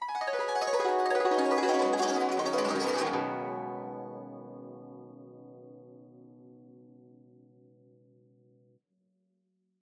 <region> pitch_keycenter=63 lokey=63 hikey=63 volume=10.566689 offset=491 lovel=0 hivel=83 ampeg_attack=0.004000 ampeg_release=0.300000 sample=Chordophones/Zithers/Dan Tranh/Gliss/Gliss_Dwn_Swl_mf_1.wav